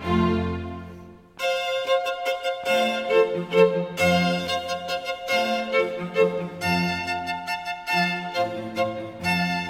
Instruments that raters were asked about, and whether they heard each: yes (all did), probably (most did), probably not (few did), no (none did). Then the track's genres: violin: yes
Classical